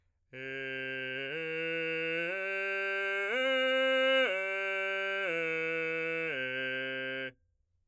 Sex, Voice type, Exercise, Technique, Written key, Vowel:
male, , arpeggios, straight tone, , e